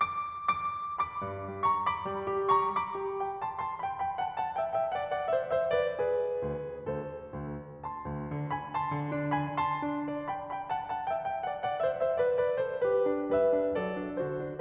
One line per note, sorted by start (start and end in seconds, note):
0.00 0.48 D6
0.49 0.96 D6
0.98 1.63 B5
0.98 1.63 D6
1.21 1.47 G2
1.49 1.63 G3
1.64 1.86 A#5
1.64 1.86 C#6
1.86 2.55 B5
1.86 2.55 D6
2.08 2.26 G3
2.28 2.55 G4
2.55 2.76 A#5
2.55 2.76 C#6
2.77 3.42 B5
2.77 3.42 D6
3.02 3.26 G4
3.26 3.42 G5
3.44 3.62 A5
3.44 3.62 C6
3.62 3.77 A5
3.62 3.77 C6
3.77 3.96 G5
3.77 3.96 B5
3.97 4.14 G5
3.97 4.14 B5
4.14 4.33 F#5
4.14 4.33 A5
4.35 4.59 F#5
4.35 4.59 A5
4.60 4.78 E5
4.60 4.78 G5
4.78 4.95 E5
4.78 4.95 G5
4.96 5.09 D5
4.96 5.09 F#5
5.10 5.31 D5
5.10 5.31 F#5
5.31 5.50 C5
5.31 5.50 E5
5.50 5.68 C5
5.50 5.68 E5
5.70 5.90 B4
5.70 5.90 D5
5.90 6.86 G#4
5.90 6.86 B4
6.43 6.86 D2
6.87 7.27 D2
6.87 7.27 A4
6.87 7.27 C5
7.29 7.89 D2
7.89 8.53 A5
7.89 8.53 C6
8.09 8.27 D2
8.28 8.53 D3
8.53 8.73 G#5
8.53 8.73 B5
8.74 9.33 A5
8.74 9.33 C6
8.94 9.14 D3
9.14 9.33 D4
9.35 9.58 G#5
9.35 9.58 B5
9.59 10.29 A5
9.59 10.29 C6
9.82 10.03 D4
10.04 10.29 D5
10.29 10.53 G5
10.29 10.53 B5
10.53 10.69 G5
10.53 10.69 B5
10.70 10.87 F#5
10.70 10.87 A5
10.87 11.10 F#5
10.87 11.10 A5
11.11 11.26 E5
11.11 11.26 G5
11.30 11.48 E5
11.30 11.48 G5
11.48 11.64 D5
11.48 11.64 F#5
11.66 11.83 D5
11.66 11.83 F#5
11.84 12.00 C5
11.84 12.00 E5
12.00 12.18 C5
12.00 12.18 E5
12.19 12.36 B4
12.19 12.36 D5
12.39 12.65 B4
12.39 12.65 D5
12.65 12.85 A4
12.65 12.85 C5
12.90 13.33 G4
12.90 13.33 B4
13.08 13.33 D4
13.33 13.51 G3
13.33 13.73 B4
13.33 13.73 E5
13.53 13.73 D4
13.73 14.00 F#3
13.73 14.26 A4
13.73 14.26 D5
14.01 14.26 D4
14.27 14.43 D3
14.27 14.61 F#4
14.27 14.61 C5
14.43 14.61 D4